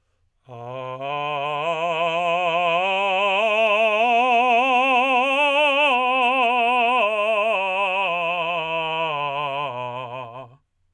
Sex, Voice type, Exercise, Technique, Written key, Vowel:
male, tenor, scales, slow/legato forte, C major, a